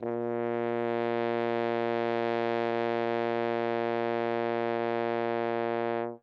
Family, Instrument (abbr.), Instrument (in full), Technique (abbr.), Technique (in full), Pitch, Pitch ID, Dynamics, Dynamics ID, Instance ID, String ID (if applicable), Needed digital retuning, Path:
Brass, Hn, French Horn, ord, ordinario, A#2, 46, ff, 4, 0, , FALSE, Brass/Horn/ordinario/Hn-ord-A#2-ff-N-N.wav